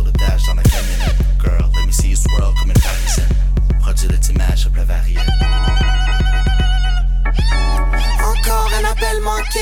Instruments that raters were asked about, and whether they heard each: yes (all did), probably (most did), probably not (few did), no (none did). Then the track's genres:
violin: no
Hip-Hop